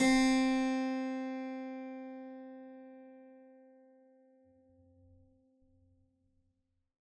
<region> pitch_keycenter=60 lokey=60 hikey=61 volume=0.249869 trigger=attack ampeg_attack=0.004000 ampeg_release=0.400000 amp_veltrack=0 sample=Chordophones/Zithers/Harpsichord, Flemish/Sustains/Low/Harpsi_Low_Far_C3_rr1.wav